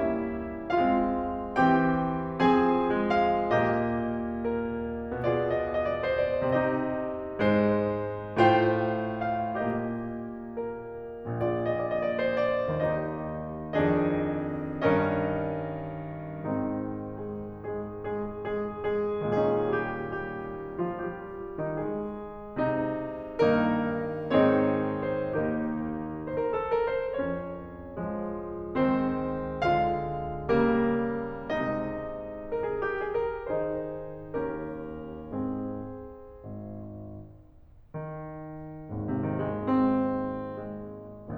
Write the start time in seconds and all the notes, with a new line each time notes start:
0.01 G3 A#3 C#4 E4 E5
0.83 G#3 C4 F4 F5
1.60 E3 C4 G4 G5
2.41 F3 C4 G#4 G#5
2.90 G#3
3.15 F5
3.52 A#2 A#3 G4 D#5
4.48 A#4
5.25 B2 B3 F4 G#4 D5
5.35 D#5
5.43 D5
5.54 D#5
5.66 D5
5.85 D#5
5.94 C5
6.39 D5
6.48 C3 C4 D#4 G4 D#5
7.44 G#2 G#3 C5
8.45 A2 A3 F4 C5 G5
9.08 F5
9.58 A#2 A#3 G4 D#5
10.58 A#4
11.38 A#1 A#2 F4 G#4 D5
11.50 D#5
11.70 D5
11.79 D#5
11.89 D5
11.98 D#5
12.07 C5
12.51 D5
12.77 D#2 D#3 D#4 G4 D#5
13.78 F2 D#3 D4 G#4 D#5
14.88 G2 D#3 C#4 A#4 D#5
16.38 G#2 D#3 C4 D#4
16.93 G#3 G#4
17.30 G#3 G#4
17.72 G#3 G#4
18.06 G#3 G#4
18.50 G#3 G#4
19.26 A#2 G#3 C#4 G#4
19.65 G3 G4
20.01 G3 G4
20.78 F3 F4
21.01 G3 G4
21.62 D#3 D#4
21.84 G#3 G#4
22.63 C3 D#4
23.45 G2 D#3 A#3 D#4 A#4
24.33 G#2 D#3 C4 D#4 G#4 C#5
24.98 C5
25.34 D#2 D#3 A#3 D#4 G4 A#4
26.26 C5
26.33 A#4
26.46 A4
26.67 A#4
26.88 C5
27.09 F3 G#4 C#5
28.13 F4
28.94 D#4 G#4 C5
29.86 D4 G#4 A#4 F5
30.62 C#4 G4 A#4
31.63 C4 G#4 D#5
32.54 A#4
32.63 G#4
32.75 G4
33.01 G#4
33.22 A#4
33.48 D#3 D#4 G#4 C5
34.42 D#2 C#4 G4 A#4
35.32 G#2 C4 G#4
36.46 G#1
38.05 D#3
38.91 G#1 D#2 G#2
39.12 C3
39.29 D#3
39.47 G#3
39.68 C4
40.58 G#3